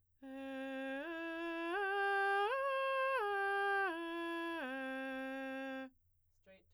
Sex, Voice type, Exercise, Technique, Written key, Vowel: female, soprano, arpeggios, straight tone, , e